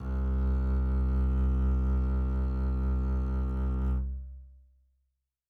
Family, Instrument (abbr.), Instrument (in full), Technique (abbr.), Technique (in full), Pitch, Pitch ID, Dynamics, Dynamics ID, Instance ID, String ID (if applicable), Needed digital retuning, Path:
Strings, Cb, Contrabass, ord, ordinario, C2, 36, mf, 2, 2, 3, FALSE, Strings/Contrabass/ordinario/Cb-ord-C2-mf-3c-N.wav